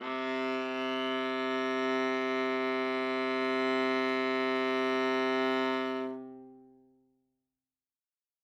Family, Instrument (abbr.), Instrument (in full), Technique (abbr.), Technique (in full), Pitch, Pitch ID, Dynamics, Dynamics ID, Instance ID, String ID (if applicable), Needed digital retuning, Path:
Strings, Va, Viola, ord, ordinario, C3, 48, ff, 4, 3, 4, FALSE, Strings/Viola/ordinario/Va-ord-C3-ff-4c-N.wav